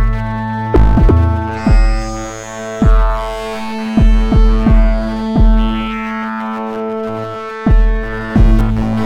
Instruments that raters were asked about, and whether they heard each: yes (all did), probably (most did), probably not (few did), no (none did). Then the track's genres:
clarinet: no
saxophone: no
Electronic; Chiptune; Chip Music